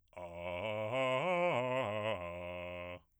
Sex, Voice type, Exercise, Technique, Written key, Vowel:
male, bass, arpeggios, fast/articulated piano, F major, a